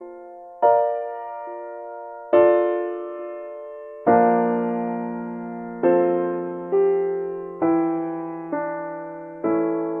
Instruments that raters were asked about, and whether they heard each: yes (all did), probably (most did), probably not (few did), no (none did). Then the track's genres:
piano: yes
Classical